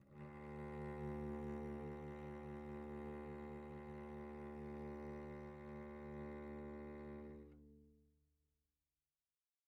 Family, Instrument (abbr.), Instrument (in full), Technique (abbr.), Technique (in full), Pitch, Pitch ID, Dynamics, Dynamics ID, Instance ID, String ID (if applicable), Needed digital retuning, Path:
Strings, Vc, Cello, ord, ordinario, D2, 38, pp, 0, 3, 4, FALSE, Strings/Violoncello/ordinario/Vc-ord-D2-pp-4c-N.wav